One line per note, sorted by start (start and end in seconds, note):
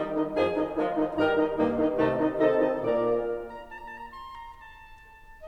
0.00 0.20 D#3
0.00 0.31 D#3
0.00 0.31 G3
0.00 0.20 D#4
0.00 0.31 D#4
0.00 0.20 D#5
0.20 0.31 D#3
0.20 0.31 D#4
0.20 0.31 D#5
0.31 0.74 F2
0.31 0.51 D#3
0.31 0.74 F3
0.31 0.51 D#4
0.31 0.74 G#4
0.31 0.51 D#5
0.31 0.51 G#5
0.51 0.74 D#3
0.51 0.74 D#4
0.51 0.74 D#5
0.74 0.95 D#3
0.74 1.16 F3
0.74 1.16 G#3
0.74 0.95 D#4
0.74 1.16 F4
0.74 0.95 D#5
0.95 1.16 D#3
0.95 1.16 D#4
0.95 1.16 D#5
1.16 1.56 G2
1.16 1.37 D#3
1.16 1.56 G3
1.16 1.37 D#4
1.16 1.56 A#4
1.16 1.37 D#5
1.16 1.37 A#5
1.37 1.56 D#3
1.37 1.56 D#4
1.37 1.56 D#5
1.56 1.94 G2
1.56 1.75 D#3
1.56 1.94 G3
1.56 1.94 A#3
1.56 1.75 D#4
1.56 1.75 D#5
1.75 1.94 D#3
1.75 1.94 D#4
1.75 1.94 D#5
1.94 2.38 C2
1.94 2.38 C3
1.94 2.14 D#3
1.94 2.38 A3
1.94 2.14 D#4
1.94 2.14 D#5
1.94 2.38 D#5
1.94 2.14 A5
2.14 2.38 D#3
2.14 2.38 D#4
2.14 2.38 D#5
2.38 2.89 C3
2.38 2.71 D#3
2.38 2.89 C4
2.38 2.71 D#4
2.38 2.89 A4
2.38 2.71 D#5
2.38 2.89 D#5
2.38 2.71 A5
2.71 2.89 D#3
2.71 2.89 D#4
2.71 2.89 D#5
2.89 3.49 A#2
2.89 3.49 A#3
2.89 3.49 A#4
2.89 3.49 D5
2.89 3.49 A#5
3.73 3.92 A#5
3.92 3.97 A5
3.97 4.05 A#5
4.05 4.17 A5
4.17 4.26 A#5
4.26 4.40 C6
4.40 4.63 A#5
4.63 5.48 A5